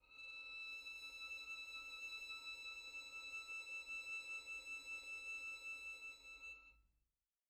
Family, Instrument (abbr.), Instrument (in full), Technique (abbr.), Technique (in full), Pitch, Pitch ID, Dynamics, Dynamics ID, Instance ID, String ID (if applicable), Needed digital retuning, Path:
Strings, Vn, Violin, ord, ordinario, E6, 88, pp, 0, 1, 2, FALSE, Strings/Violin/ordinario/Vn-ord-E6-pp-2c-N.wav